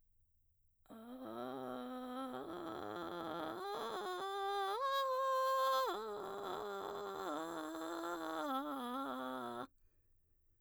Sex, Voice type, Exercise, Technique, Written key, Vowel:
female, mezzo-soprano, arpeggios, vocal fry, , a